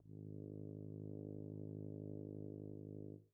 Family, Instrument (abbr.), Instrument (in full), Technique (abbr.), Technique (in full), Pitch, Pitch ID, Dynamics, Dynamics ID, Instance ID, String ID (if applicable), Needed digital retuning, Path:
Brass, BTb, Bass Tuba, ord, ordinario, G#1, 32, pp, 0, 0, , TRUE, Brass/Bass_Tuba/ordinario/BTb-ord-G#1-pp-N-T16u.wav